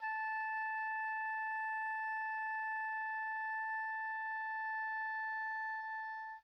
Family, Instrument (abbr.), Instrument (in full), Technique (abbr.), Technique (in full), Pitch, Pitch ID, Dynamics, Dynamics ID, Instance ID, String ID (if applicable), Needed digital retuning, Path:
Winds, Ob, Oboe, ord, ordinario, A5, 81, pp, 0, 0, , FALSE, Winds/Oboe/ordinario/Ob-ord-A5-pp-N-N.wav